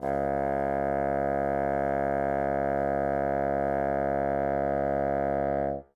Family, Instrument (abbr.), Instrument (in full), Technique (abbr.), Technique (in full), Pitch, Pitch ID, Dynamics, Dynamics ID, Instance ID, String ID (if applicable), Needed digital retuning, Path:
Winds, Bn, Bassoon, ord, ordinario, C#2, 37, ff, 4, 0, , FALSE, Winds/Bassoon/ordinario/Bn-ord-C#2-ff-N-N.wav